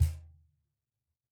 <region> pitch_keycenter=62 lokey=62 hikey=62 volume=3.753172 lovel=0 hivel=65 seq_position=1 seq_length=2 ampeg_attack=0.004000 ampeg_release=30.000000 sample=Idiophones/Struck Idiophones/Cajon/Cajon_hit3_p_rr2.wav